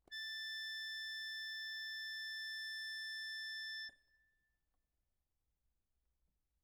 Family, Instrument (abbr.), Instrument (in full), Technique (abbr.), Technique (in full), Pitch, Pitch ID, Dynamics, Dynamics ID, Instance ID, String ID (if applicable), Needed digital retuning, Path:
Keyboards, Acc, Accordion, ord, ordinario, A6, 93, ff, 4, 0, , FALSE, Keyboards/Accordion/ordinario/Acc-ord-A6-ff-N-N.wav